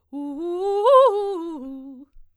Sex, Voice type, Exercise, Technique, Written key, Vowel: female, soprano, arpeggios, fast/articulated forte, C major, u